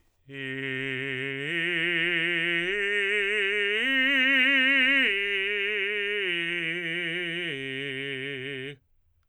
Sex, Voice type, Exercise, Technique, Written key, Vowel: male, tenor, arpeggios, vibrato, , i